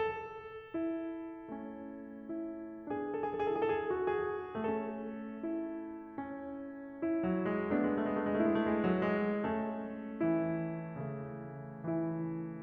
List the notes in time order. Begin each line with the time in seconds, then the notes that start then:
0.00 A4
0.74 E4
1.57 A3 C#4
2.28 E4
2.87 B3 D4 G#4
2.91 A4
2.98 G#4
3.07 A4
3.13 G#4
3.22 A4
3.26 G#4
3.37 A4
3.44 E4 G#4
3.51 A4
3.59 G#4
3.66 A4
3.77 G#4
3.85 A4
3.94 F#4
4.09 G#4
4.44 A3 C#4 A4
5.41 E4
6.15 C#4
6.93 E4
7.26 F#3
7.47 G#3
7.67 G#3 B3 D4
7.76 A3
7.85 G#3
7.96 A3
8.06 G#3
8.14 A3
8.21 G#3
8.32 A3
8.43 G#3 E4
8.52 A3
8.64 G#3
8.72 A3
8.79 G#3
8.86 A3
8.97 F#3
9.09 G#3
9.24 A3 C#4 A4
10.24 E3 E4
11.04 C#3 A3
11.84 E3 E4